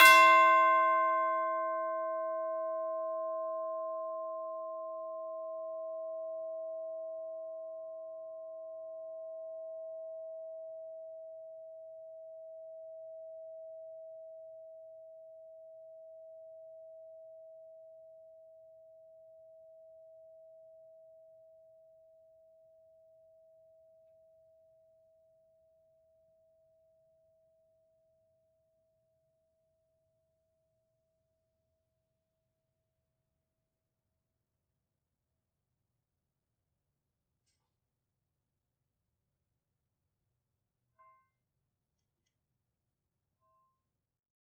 <region> pitch_keycenter=72 lokey=72 hikey=73 volume=6.222510 offset=2727 lovel=84 hivel=127 ampeg_attack=0.004000 ampeg_release=30.000000 sample=Idiophones/Struck Idiophones/Tubular Bells 2/TB_hit_C5_v4_1.wav